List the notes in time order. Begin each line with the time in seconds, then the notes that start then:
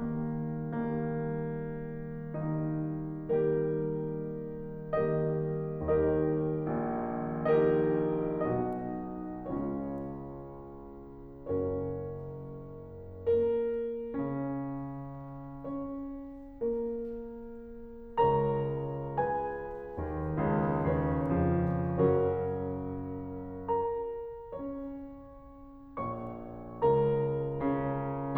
0.01 D#3 G3 A#3
0.56 D#3 G3 A#3
2.26 D#3 G3 A#3 D#4
3.11 D#3 G3 A#3 D#4 G4 A#4
4.93 D#3 G3 A#3 D#4 G4 A#4 D#5
5.87 D#2 D#3 D#4 G4 A#4 D#5
6.79 A#1 A#2
7.62 D#4 G4 D#5
8.54 B1 B2 D#4 F#4 D#5
9.52 C#2 C#3 C#4 F4 C#5
11.52 F#1 F#2 C#4 F#4 A#4 C#5
13.27 A#3 A#4
14.15 C#3 C#4
15.63 C#4 C#5
16.63 A#3 A#4
18.31 C#2 C#3 A#4 C#5 A#5
19.18 G#4 B4 G#5
20.00 D#2 D#3
20.41 C#2 C#3
20.89 D#2 C#3 D#3 C#4 G#4 B4 C#5
21.40 F2 C#3 F3
21.97 F#2 C#3 F#3 C#4 F#4 A#4 C#5
23.70 A#4 A#5
24.43 C#4 C#5
25.99 F#1 F#2 C#5 C#6
26.84 C#2 C#3 A#4 A#5
27.68 C#3 C#4